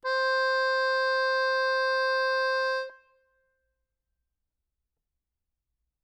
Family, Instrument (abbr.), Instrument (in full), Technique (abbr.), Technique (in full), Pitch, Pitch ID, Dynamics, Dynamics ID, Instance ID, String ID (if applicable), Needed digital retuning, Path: Keyboards, Acc, Accordion, ord, ordinario, C5, 72, ff, 4, 2, , FALSE, Keyboards/Accordion/ordinario/Acc-ord-C5-ff-alt2-N.wav